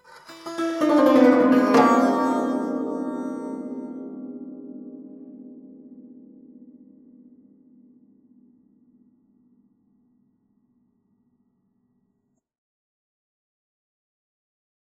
<region> pitch_keycenter=65 lokey=65 hikey=65 volume=2.000000 offset=5297 ampeg_attack=0.004000 ampeg_release=0.300000 sample=Chordophones/Zithers/Dan Tranh/FX/FX_22.wav